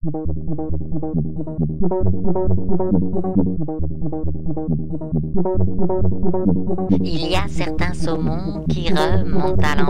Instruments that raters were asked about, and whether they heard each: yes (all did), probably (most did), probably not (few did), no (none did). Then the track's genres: synthesizer: yes
Indie-Rock; French